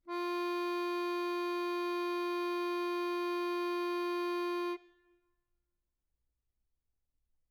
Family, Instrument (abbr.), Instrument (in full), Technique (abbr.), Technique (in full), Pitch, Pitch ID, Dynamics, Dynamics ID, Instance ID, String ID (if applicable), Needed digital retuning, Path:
Keyboards, Acc, Accordion, ord, ordinario, F4, 65, mf, 2, 1, , FALSE, Keyboards/Accordion/ordinario/Acc-ord-F4-mf-alt1-N.wav